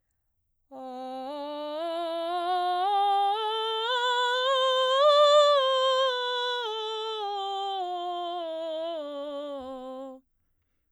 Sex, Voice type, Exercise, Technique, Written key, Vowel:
female, soprano, scales, belt, , o